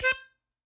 <region> pitch_keycenter=72 lokey=71 hikey=74 tune=13 volume=1.788988 seq_position=2 seq_length=2 ampeg_attack=0.004000 ampeg_release=0.300000 sample=Aerophones/Free Aerophones/Harmonica-Hohner-Special20-F/Sustains/Stac/Hohner-Special20-F_Stac_C4_rr2.wav